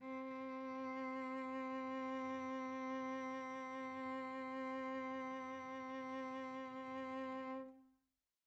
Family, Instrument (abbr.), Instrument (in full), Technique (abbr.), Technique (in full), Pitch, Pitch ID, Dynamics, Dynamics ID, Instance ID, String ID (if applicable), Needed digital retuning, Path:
Strings, Vc, Cello, ord, ordinario, C4, 60, pp, 0, 1, 2, FALSE, Strings/Violoncello/ordinario/Vc-ord-C4-pp-2c-N.wav